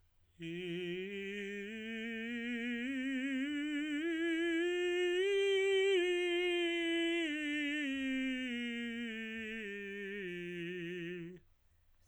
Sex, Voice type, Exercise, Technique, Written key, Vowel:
male, tenor, scales, slow/legato piano, F major, i